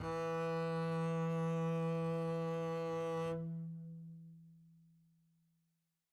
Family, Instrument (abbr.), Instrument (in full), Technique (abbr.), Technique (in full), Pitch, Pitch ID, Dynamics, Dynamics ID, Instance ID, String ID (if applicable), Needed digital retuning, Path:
Strings, Cb, Contrabass, ord, ordinario, E3, 52, mf, 2, 0, 1, FALSE, Strings/Contrabass/ordinario/Cb-ord-E3-mf-1c-N.wav